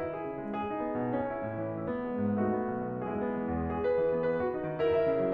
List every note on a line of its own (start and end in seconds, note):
0.00 0.57 E4
0.14 0.57 G#4
0.27 0.43 C#3
0.43 0.57 G#3
0.57 1.15 G#4
0.77 1.15 D#4
0.87 1.01 B3
1.02 1.15 B2
1.15 1.75 C#4
1.31 1.75 E4
1.43 1.59 A2
1.60 1.75 E3
1.75 2.40 E4
1.88 2.40 B3
2.05 2.19 G#3
2.21 2.40 G#2
2.40 2.55 A3
2.40 3.07 D#4
2.40 3.07 F#4
2.55 3.07 B3
2.71 2.93 B1
2.94 3.07 B2
3.08 3.20 G#3
3.08 3.68 E4
3.08 3.68 G#4
3.20 3.68 B3
3.41 3.53 E3
3.54 3.68 E2
3.69 4.28 G#4
3.83 4.28 B4
3.98 4.12 E3
4.13 4.28 B3
4.30 4.84 B4
4.42 4.84 F#4
4.55 4.68 D#4
4.68 4.84 D#3
4.85 5.33 E4
4.85 4.99 A#4
4.99 5.33 E5
5.13 5.24 C#3
5.24 5.33 F#3